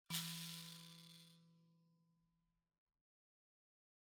<region> pitch_keycenter=52 lokey=52 hikey=53 volume=22.998987 offset=4418 ampeg_attack=0.004000 ampeg_release=30.000000 sample=Idiophones/Plucked Idiophones/Mbira dzaVadzimu Nyamaropa, Zimbabwe, Low B/MBira4_pluck_Main_E2_10_50_100_rr3.wav